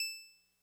<region> pitch_keycenter=88 lokey=87 hikey=90 volume=13.407473 lovel=66 hivel=99 ampeg_attack=0.004000 ampeg_release=0.100000 sample=Electrophones/TX81Z/Clavisynth/Clavisynth_E5_vl2.wav